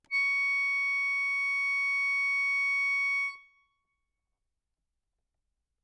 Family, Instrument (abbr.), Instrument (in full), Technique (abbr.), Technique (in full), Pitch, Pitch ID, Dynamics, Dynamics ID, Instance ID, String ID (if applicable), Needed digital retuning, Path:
Keyboards, Acc, Accordion, ord, ordinario, C#6, 85, ff, 4, 2, , FALSE, Keyboards/Accordion/ordinario/Acc-ord-C#6-ff-alt2-N.wav